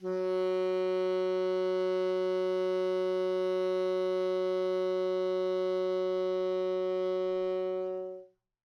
<region> pitch_keycenter=54 lokey=54 hikey=55 volume=16.728741 lovel=0 hivel=83 ampeg_attack=0.004000 ampeg_release=0.500000 sample=Aerophones/Reed Aerophones/Tenor Saxophone/Non-Vibrato/Tenor_NV_Main_F#2_vl2_rr1.wav